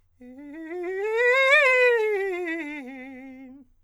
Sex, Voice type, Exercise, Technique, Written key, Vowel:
male, countertenor, scales, fast/articulated forte, C major, e